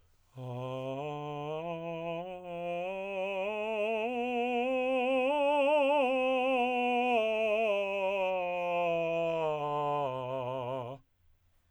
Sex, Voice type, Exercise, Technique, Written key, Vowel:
male, tenor, scales, slow/legato piano, C major, a